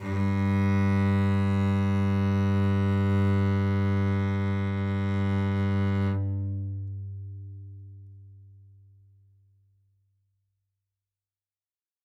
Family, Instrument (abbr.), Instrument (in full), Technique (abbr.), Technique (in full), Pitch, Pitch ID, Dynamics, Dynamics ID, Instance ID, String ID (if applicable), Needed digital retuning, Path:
Strings, Vc, Cello, ord, ordinario, G2, 43, ff, 4, 2, 3, FALSE, Strings/Violoncello/ordinario/Vc-ord-G2-ff-3c-N.wav